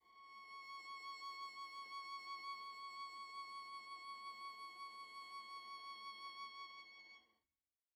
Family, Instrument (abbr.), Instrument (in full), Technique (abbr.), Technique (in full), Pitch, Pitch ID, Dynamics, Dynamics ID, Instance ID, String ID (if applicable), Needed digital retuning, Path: Strings, Va, Viola, ord, ordinario, C#6, 85, pp, 0, 0, 1, FALSE, Strings/Viola/ordinario/Va-ord-C#6-pp-1c-N.wav